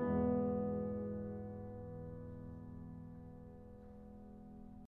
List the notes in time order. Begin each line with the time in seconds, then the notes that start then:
0.00 E2 G#2 B2 E3 G#3 B3